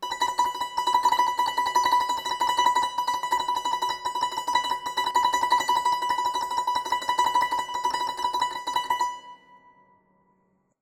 <region> pitch_keycenter=83 lokey=82 hikey=84 volume=7.836865 offset=933 ampeg_attack=0.004000 ampeg_release=0.300000 sample=Chordophones/Zithers/Dan Tranh/Tremolo/B4_Trem_1.wav